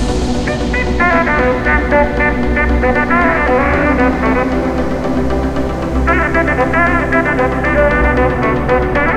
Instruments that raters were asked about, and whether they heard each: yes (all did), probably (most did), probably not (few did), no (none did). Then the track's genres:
trombone: probably
trumpet: yes
House